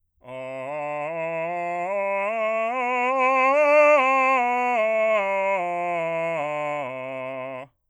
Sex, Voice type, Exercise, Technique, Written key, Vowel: male, bass, scales, slow/legato forte, C major, a